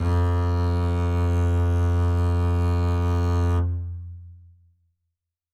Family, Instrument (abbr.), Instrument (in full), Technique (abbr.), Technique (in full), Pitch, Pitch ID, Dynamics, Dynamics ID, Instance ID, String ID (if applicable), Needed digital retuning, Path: Strings, Cb, Contrabass, ord, ordinario, F2, 41, ff, 4, 1, 2, FALSE, Strings/Contrabass/ordinario/Cb-ord-F2-ff-2c-N.wav